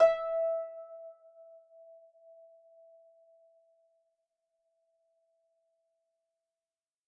<region> pitch_keycenter=76 lokey=76 hikey=77 tune=2 volume=4.399534 xfin_lovel=70 xfin_hivel=100 ampeg_attack=0.004000 ampeg_release=30.000000 sample=Chordophones/Composite Chordophones/Folk Harp/Harp_Normal_E4_v3_RR1.wav